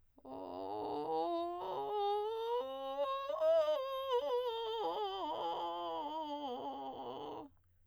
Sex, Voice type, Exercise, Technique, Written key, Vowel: female, soprano, scales, vocal fry, , o